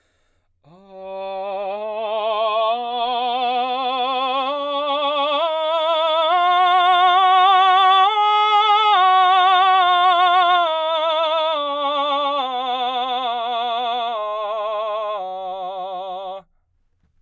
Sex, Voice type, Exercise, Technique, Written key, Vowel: male, baritone, scales, slow/legato forte, F major, a